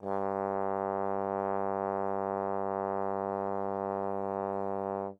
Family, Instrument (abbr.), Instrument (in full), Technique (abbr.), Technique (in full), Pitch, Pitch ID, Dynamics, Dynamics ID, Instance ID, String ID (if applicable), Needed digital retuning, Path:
Brass, Tbn, Trombone, ord, ordinario, G2, 43, mf, 2, 0, , FALSE, Brass/Trombone/ordinario/Tbn-ord-G2-mf-N-N.wav